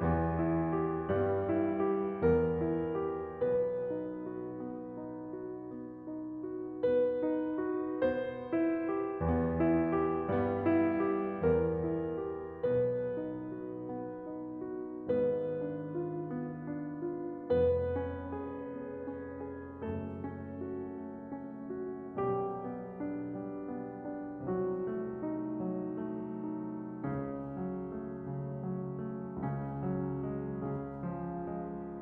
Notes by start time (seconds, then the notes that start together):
0.00 E2 E3 B3
0.39 E4
0.73 G4
1.09 G2 G3 B3
1.44 E4
1.86 G4
2.21 E2 E3 B3 A#4
2.60 E4
3.01 G4
3.45 B1 B2 B3 B4
3.91 D#4
4.32 F#4
4.66 B3
5.00 D#4
5.38 F#4
5.69 B3
6.08 D#4
6.50 F#4
6.85 B3 B4
7.22 D#4
7.67 F#4
8.06 B3 C5
8.48 E4
8.80 G4
9.18 E2 E3 B3
9.54 E4
9.93 G4
10.27 G2 G3 B3
10.66 E4
11.06 G4
11.42 E2 E3 B3 A#4
11.76 E4
12.20 G4
12.67 B1 B2 B3 B4
13.11 D#4
13.55 F#4
13.92 B3
14.28 D#4
14.69 F#4
15.01 G#1 G#2 B3 B4
15.58 D4
16.01 F4
16.35 B3
16.73 D4
17.15 F4
17.55 F1 F2 B3 B4
17.97 C#4
18.36 G#4
18.65 B3
19.04 C#4
19.38 G#4
19.76 F#1 F#2 A3 A4
20.20 C#4
20.63 F#4
20.96 A3
21.33 C#4
21.77 F#4
22.19 B1 B2 G3 G4
22.57 B3
22.95 D4
23.39 G3
23.68 B3
24.07 D4
24.49 C2 C3 F#3 F#4
24.81 A3
25.21 D#4
25.62 F#3
26.01 A3
26.46 D#4
26.97 C#2 C#3 C#4
27.50 F#3
27.90 A3
28.27 C#3
28.65 F#3
29.06 A3
29.41 C#2 C#3 C#4
29.86 F#3
30.28 G#3
30.65 C#3 C#4
31.05 F3
31.54 G#3